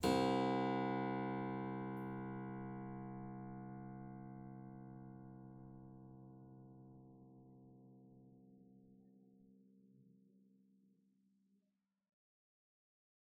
<region> pitch_keycenter=36 lokey=36 hikey=37 volume=2.983084 offset=74 trigger=attack ampeg_attack=0.004000 ampeg_release=0.350000 amp_veltrack=0 sample=Chordophones/Zithers/Harpsichord, English/Sustains/Normal/ZuckermannKitHarpsi_Normal_Sus_C1_rr1.wav